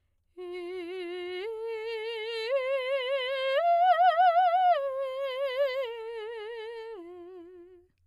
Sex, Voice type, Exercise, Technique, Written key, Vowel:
female, soprano, arpeggios, slow/legato piano, F major, e